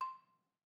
<region> pitch_keycenter=84 lokey=81 hikey=86 volume=16.547392 offset=196 lovel=0 hivel=65 ampeg_attack=0.004000 ampeg_release=30.000000 sample=Idiophones/Struck Idiophones/Balafon/Hard Mallet/EthnicXylo_hardM_C5_vl1_rr1_Mid.wav